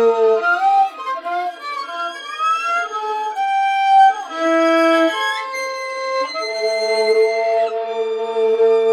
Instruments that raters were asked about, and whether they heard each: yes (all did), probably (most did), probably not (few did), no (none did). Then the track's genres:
violin: yes
flute: probably not
Avant-Garde; Soundtrack; Noise; Psych-Folk; Experimental; Free-Jazz; Freak-Folk; Unclassifiable; Musique Concrete; Improv; Sound Art; Contemporary Classical; Instrumental